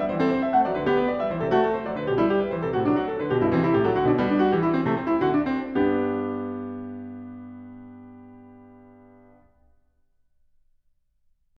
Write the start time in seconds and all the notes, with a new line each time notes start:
0.00 G3
0.05 E3 E5
0.14 C5
0.20 C4
0.26 A4
0.31 C5
0.43 E5
0.51 A3
0.57 F#5
0.65 F#3
0.70 D5
0.78 D3 B4
0.87 B3
0.92 G4
1.01 B4
1.10 D5
1.17 G3
1.22 E5
1.27 E3 C5
1.37 C3 A4
1.47 A3 F#4
1.65 A4
1.75 C5
1.85 F#3
1.90 D5
1.97 D3 B4
2.07 B2
2.11 G4
2.17 G3
2.22 E4
2.36 G4
2.44 B4
2.52 E3 C5
2.64 C3
2.68 A4
2.75 A2
2.81 F#4
2.89 F#3
2.95 D4
3.02 F#4
3.11 A4
3.18 D3
3.24 B4
3.31 B2 G4
3.39 G2 E4
3.51 E3
3.56 C4
3.62 C3 E4
3.72 A2
3.77 G4
3.85 F#3 A4
3.94 D3 F#4
4.02 B2 D4
4.12 G3
4.18 B3
4.32 D4
4.46 F#4
4.54 E3
4.59 G4
4.63 E4
4.78 C4
4.88 C3
4.97 A3
5.22 C4
5.50 E4
5.64 D3
5.75 F#4
5.97 D4
6.16 C4
6.32 G2
6.37 B3 D4 G4